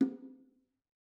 <region> pitch_keycenter=63 lokey=63 hikey=63 volume=15.312665 offset=222 lovel=66 hivel=99 seq_position=2 seq_length=2 ampeg_attack=0.004000 ampeg_release=15.000000 sample=Membranophones/Struck Membranophones/Bongos/BongoL_Hit1_v2_rr2_Mid.wav